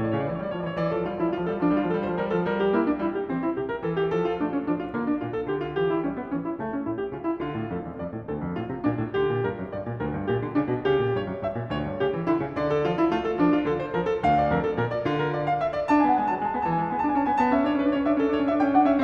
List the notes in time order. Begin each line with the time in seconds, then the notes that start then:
0.00 A2 D5
0.07 C#5
0.15 C#3 D5
0.22 C#5
0.28 E3 D5
0.33 C#5
0.41 G3 D5
0.46 C#5
0.52 F3 D5
0.60 C#5
0.66 E3 B4
0.72 C#5
0.79 E3 D5
0.87 F3
0.94 G3 A4
1.02 F3
1.10 F3 G3 F4
1.17 G3 E4
1.24 F3
1.29 G3 F4
1.37 F3
1.44 G3 A4
1.50 F3
1.58 G3 D4
1.66 F3
1.73 G3 F4
1.80 F3
1.88 G3 A4
1.95 F3
2.02 G3 C5
2.09 F3
2.16 G3 A#4
2.23 F3
2.31 G3 A4
2.39 F3
2.48 G3 A#4
2.64 G4
2.79 A#3 E4
2.88 D4
3.00 G3 E4
3.15 G4
3.32 E3 C4
3.45 E4
3.56 C3 G4
3.69 A#4
3.81 E3 A4
3.96 G4
4.11 F3 A4
4.21 F4
4.34 A3 D4
4.50 C#4
4.64 F3 D4
4.76 F4
4.96 D3 A#3
5.09 D4
5.22 A#2 F4
5.38 A4
5.53 D3 G4
5.65 F4
5.81 E3 G4
5.96 E4
6.07 G3 C#4
6.20 B3
6.34 E3 C#4
6.44 E4
6.58 C#3 A3
6.70 C#4
6.85 A2 E4
7.00 G4
7.14 C#3 F4
7.23 E4
7.44 D3 F4
7.55 A2
7.71 F2 A4
7.85 E2
7.99 F2 D5
8.14 A2
8.29 D2 A4
8.42 F2
8.54 A2 F4
8.70 C3
8.84 A#2 D4
8.99 A2
9.13 D3 G4
9.28 A#2
9.44 G2 A#4
9.59 F#2
9.72 G2 D5
9.88 A#2
10.02 D2 A#4
10.15 G2
10.29 A#2 G4
10.44 D3
10.58 C#3 D4
10.73 B2
10.88 C#3 G4
11.02 A#2
11.17 G2 C#5
11.30 F#2
11.44 G2 E5
11.58 A#2
11.71 D2 C#5
11.82 G2
11.97 C#3 G4
12.13 E3
12.27 D3 E4
12.39 C#3
12.55 D3 D5
12.74 A4
12.88 F3 F4
13.01 E4
13.17 A3 F4
13.29 A4
13.41 F3 D4
13.56 F4
13.66 D3 A4
13.80 C5
13.96 F3 A#4
14.09 A4
14.25 D2 F5
14.38 D5
14.54 F2 A#4
14.68 A4
14.78 A#2 A#4
14.91 D5
15.07 D3 F4
15.19 A#4
15.33 D5
15.48 F5
15.65 E5
15.77 D5
15.91 D4 A5
15.96 G#5
16.02 B3 F#5
16.10 G#5
16.17 G#3 A5
16.24 G#5
16.30 F#3 A5
16.36 G#5
16.42 G#3 A5
16.47 G#5
16.53 B3 G#5 A5
16.64 E3 A5
16.71 G#5
16.79 G#3 A5
16.87 B3 G#5 A5
16.93 G#5
17.02 D4 A5
17.08 G#5
17.15 C#4 A5
17.23 B3 F#5 G#5
17.33 G#5
17.41 B3 A5
17.51 C#4
17.58 D4 E5
17.65 C#4
17.69 D4 C#5
17.76 C#4
17.82 D4 B4
17.90 C#4
17.95 D4 C#5
18.02 C#4
18.09 C#4 D4 E5
18.19 D4 A4
18.26 C#4
18.33 D4 C#5
18.41 C#4
18.48 D4 E5
18.55 C#4
18.62 D4 G5
18.68 C#4
18.75 D4 F#5
18.82 C#4
18.89 B3 E5
18.97 C#4